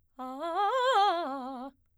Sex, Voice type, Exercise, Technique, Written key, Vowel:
female, soprano, arpeggios, fast/articulated piano, C major, a